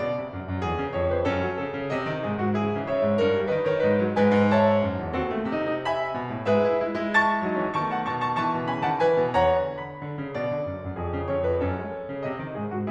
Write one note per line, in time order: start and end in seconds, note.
0.00 0.15 B2
0.00 0.95 D5
0.15 0.33 D3
0.33 0.48 F#2
0.48 0.63 F#2
0.63 0.80 F2
0.63 1.28 G#4
0.80 0.95 C#3
0.96 1.11 F2
0.96 1.11 C#5
1.13 1.28 F2
1.13 1.28 B4
1.29 1.42 F#2
1.29 1.57 C#4
1.29 1.57 A4
1.42 1.57 F#3
1.57 1.70 C#3
1.57 2.25 A4
1.70 1.92 C#3
1.92 2.10 C3
1.92 2.55 D#5
2.10 2.25 D#3
2.25 2.40 G#2
2.25 2.40 G#4
2.40 2.55 G#2
2.40 2.55 F#4
2.55 2.71 C#3
2.55 2.88 E4
2.55 2.88 G#4
2.71 2.88 E3
2.89 3.03 G#2
2.89 3.52 C#5
2.89 3.52 E5
3.04 3.18 G#2
3.19 3.36 G2
3.19 3.66 A#4
3.37 3.52 G3
3.52 3.66 D#3
3.52 3.66 B4
3.52 3.66 D#5
3.66 3.83 D#3
3.66 3.83 A#4
3.66 3.83 C#5
3.83 4.03 G#2
3.83 4.18 D#4
3.83 4.18 G#4
3.83 4.18 B4
4.03 4.18 G#3
4.18 4.34 G#2
4.18 4.54 B4
4.18 4.54 D#5
4.18 4.54 G#5
4.34 4.82 G#2
4.54 5.14 C#5
4.54 5.14 E5
4.54 5.14 A5
4.82 4.97 F#2
4.98 5.14 E2
5.15 5.45 D#2
5.15 5.29 C4
5.15 5.82 F#4
5.15 5.82 A4
5.31 5.45 A3
5.45 6.14 C3
5.45 5.62 D#4
5.62 5.82 D#4
5.82 6.47 E5
5.82 6.47 G#5
5.82 6.47 B5
6.14 6.28 B2
6.28 6.47 A2
6.47 6.82 G#2
6.47 6.68 G#4
6.47 7.15 B4
6.47 7.15 E5
6.68 6.82 E4
6.82 7.48 G#3
6.82 6.97 E4
6.99 7.48 E4
7.16 7.76 A5
7.16 7.76 C#6
7.16 7.76 A6
7.49 7.62 F#3
7.49 7.62 D#4
7.62 7.76 E3
7.62 7.76 C#4
7.76 8.07 D#3
7.76 8.07 B3
7.76 7.91 A5
7.76 7.91 C#6
7.91 8.07 F#5
7.91 8.07 A5
8.07 8.38 B2
8.07 8.38 D#3
8.07 8.23 A5
8.07 8.23 C#6
8.23 8.38 A5
8.23 8.38 C#6
8.38 8.51 C#3
8.38 8.51 E3
8.38 8.66 A5
8.38 8.66 C#6
8.51 8.66 B2
8.51 8.66 D#3
8.66 8.84 C#3
8.66 8.84 E3
8.66 8.84 G#5
8.66 8.84 B5
8.84 9.00 D#3
8.84 9.00 F#3
8.84 9.00 F#5
8.84 9.00 A5
9.01 9.17 E3
9.01 9.36 B4
9.01 9.36 G#5
9.18 9.36 B2
9.37 9.51 E2
9.37 9.66 C#5
9.37 9.66 F#5
9.37 9.66 A#5
9.51 10.03 E3
9.66 10.37 B5
10.03 10.21 D3
10.21 10.37 C#3
10.37 10.51 B2
10.37 11.31 D5
10.51 10.65 D3
10.65 10.77 F#2
10.77 10.94 F#2
10.95 11.13 F2
10.95 11.60 G#4
11.15 11.31 C#3
11.32 11.45 F2
11.32 11.45 C#5
11.46 11.60 F2
11.46 11.60 B4
11.60 11.75 F#2
11.60 11.97 C#4
11.60 11.97 A4
11.75 11.97 F#3
11.97 12.12 C#3
11.97 12.62 A4
12.12 12.28 C#3
12.28 12.47 C3
12.28 12.91 D#5
12.47 12.62 D#3
12.62 12.75 G#2
12.62 12.75 G#4
12.75 12.91 G#2
12.75 12.91 F#4